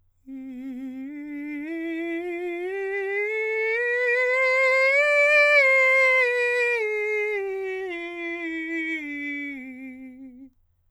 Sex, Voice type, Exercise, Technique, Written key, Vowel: male, countertenor, scales, slow/legato forte, C major, i